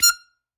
<region> pitch_keycenter=89 lokey=87 hikey=91 tune=-1 volume=-2.362050 seq_position=1 seq_length=2 ampeg_attack=0.004000 ampeg_release=0.300000 sample=Aerophones/Free Aerophones/Harmonica-Hohner-Special20-F/Sustains/Stac/Hohner-Special20-F_Stac_F5_rr1.wav